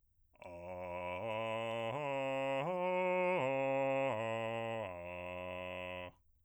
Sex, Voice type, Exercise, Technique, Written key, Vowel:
male, bass, arpeggios, slow/legato piano, F major, a